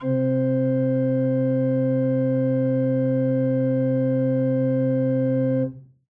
<region> pitch_keycenter=48 lokey=48 hikey=49 volume=7.208600 ampeg_attack=0.004000 ampeg_release=0.300000 amp_veltrack=0 sample=Aerophones/Edge-blown Aerophones/Renaissance Organ/Full/RenOrgan_Full_Room_C2_rr1.wav